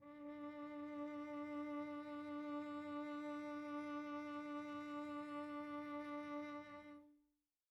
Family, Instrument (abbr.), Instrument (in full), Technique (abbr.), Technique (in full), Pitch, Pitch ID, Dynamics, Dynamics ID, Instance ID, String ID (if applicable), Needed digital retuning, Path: Strings, Vc, Cello, ord, ordinario, D4, 62, pp, 0, 2, 3, FALSE, Strings/Violoncello/ordinario/Vc-ord-D4-pp-3c-N.wav